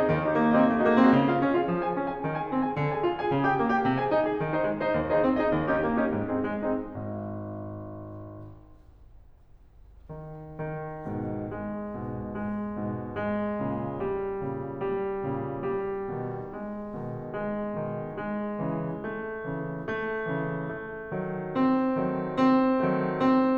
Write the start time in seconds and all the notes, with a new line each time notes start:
0.00 D#4 G#4 D#5
0.09 D#2 D#3
0.23 D#4 G4 D#5
0.38 A#3
0.52 D#4 G4 D#5
0.65 C4
0.70 A#3
0.79 A3 D#4 F#4 G#4 D#5
0.92 A#3
1.04 C4 D#4 F#4 G#4 D#5
1.16 C#3
1.30 F4 G#4 F5
1.44 C#4
1.56 F4 G#4 F5
1.64 F3
1.81 G#4 G#5
1.92 C#4
2.05 G#4 G#5
2.22 D#3
2.35 G#4 G#5
2.50 C4
2.61 G#4 G#5
2.74 D3
2.88 G#4 G#5
3.02 F4
3.18 G#4 G#5
3.30 C#3
3.49 G4 G5
3.61 A#3
3.74 G4 G5
3.88 C3
4.02 G#4 G#5
4.13 D#4
4.28 G#4 G#5
4.42 D#3
4.57 D#4 C5 D#5
4.67 G#3
4.82 D#4 C5 D#5
4.97 D#2
5.11 D#4 G#4 C5 D#5
5.25 C4
5.38 D#4 G#4 C5 D#5
5.54 D#2
5.72 C#4 D#4 G4
5.89 A#3
6.03 C#4 D#4 G4
6.18 G#2
6.34 C4 D#4 G#4
6.48 G#3
6.66 C4 D#4 G#4
6.80 G#1
7.96 D#3
8.31 D#3
11.04 G#2 B2
11.44 G#3
11.89 G#2 B2
12.35 G#3
12.77 G#2 B2
13.15 G#3
13.58 A#2 C#3
14.08 G3
14.56 A#2 C#3
14.88 G3
15.23 A#2 C#3
15.66 G3
16.10 B2 D#3
16.61 G#3
17.11 B2 D#3
17.52 G#3
17.88 B2 D#3
18.24 G#3
18.58 C#3 E3
19.03 A3
19.47 C#3 E3
19.88 A3
20.31 C#3 E3
20.71 A3
21.13 D#3 F#3
21.52 C4
21.99 D#3 F#3 A3
22.33 C4
22.80 D#3 F#3 A3
23.19 C4